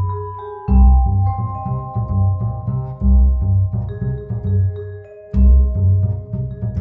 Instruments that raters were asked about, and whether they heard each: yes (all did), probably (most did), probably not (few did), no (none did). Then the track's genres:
mallet percussion: yes
Jazz; Chill-out